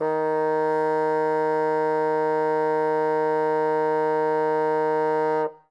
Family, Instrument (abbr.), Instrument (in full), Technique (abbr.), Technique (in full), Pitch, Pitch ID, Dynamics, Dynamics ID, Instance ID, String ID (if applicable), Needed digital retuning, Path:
Winds, Bn, Bassoon, ord, ordinario, D#3, 51, ff, 4, 0, , FALSE, Winds/Bassoon/ordinario/Bn-ord-D#3-ff-N-N.wav